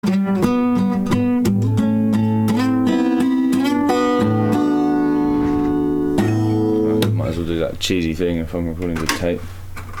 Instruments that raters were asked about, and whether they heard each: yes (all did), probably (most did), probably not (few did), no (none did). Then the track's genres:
guitar: yes
Electronic; Glitch; IDM